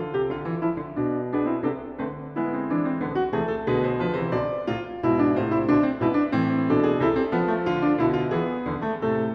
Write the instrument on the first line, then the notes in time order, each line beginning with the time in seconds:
piano
0.00 D3 F4
0.15 C3 G4
0.33 D3 F4
0.51 E3
0.67 F3 E4
0.86 D3
1.01 B2 D4
1.30 B3 D4 G#4
1.49 C4 E4
1.66 C3 B3 D4 A4
2.00 D3 A3 C4 B4
2.35 G#3 B3 E4
2.53 C4
2.69 E3 D4
2.84 C4
3.03 D3 B3
3.19 F#4
3.33 C3 E3 A3 G#4
3.52 A4
3.68 B2 D3 G#4 B4
3.84 C5
3.96 D3 F3 B4
4.13 C3 E3 C5
4.31 B2 D3 D5
4.67 A2 C3 F4
5.00 G#2 B2 E4
5.20 D4
5.35 A2 C3 F4 C5
5.51 E4
5.70 B2 D3 D4
5.87 C4
6.04 G#2 B2 E4 B4
6.14 D4
6.33 A2 E3 C4
6.71 B2 D4 A4
6.86 G#4
7.01 C3 E4 A4
7.16 C4
7.36 F3 B3
7.51 A3
7.65 D3 F4
7.81 D4
7.96 B2 D3 E4
8.12 F4
8.28 E3 B3 G#4
8.60 E2 D3
8.80 A3
8.99 A2 C3 A3 A4
9.33 A3